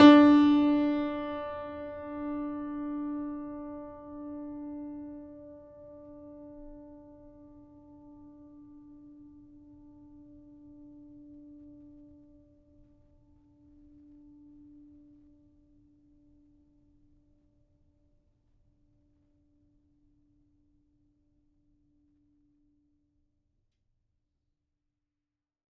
<region> pitch_keycenter=62 lokey=62 hikey=63 volume=-0.287386 lovel=66 hivel=99 locc64=65 hicc64=127 ampeg_attack=0.004000 ampeg_release=0.400000 sample=Chordophones/Zithers/Grand Piano, Steinway B/Sus/Piano_Sus_Close_D4_vl3_rr1.wav